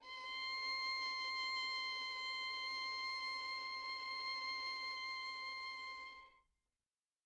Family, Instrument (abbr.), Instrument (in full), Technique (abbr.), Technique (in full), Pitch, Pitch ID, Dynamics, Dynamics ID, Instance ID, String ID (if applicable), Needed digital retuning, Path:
Strings, Vn, Violin, ord, ordinario, C6, 84, mf, 2, 2, 3, TRUE, Strings/Violin/ordinario/Vn-ord-C6-mf-3c-T13d.wav